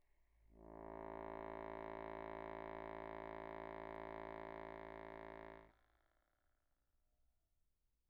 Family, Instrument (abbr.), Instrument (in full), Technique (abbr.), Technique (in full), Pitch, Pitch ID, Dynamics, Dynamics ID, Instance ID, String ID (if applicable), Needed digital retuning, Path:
Keyboards, Acc, Accordion, ord, ordinario, A1, 33, pp, 0, 0, , FALSE, Keyboards/Accordion/ordinario/Acc-ord-A1-pp-N-N.wav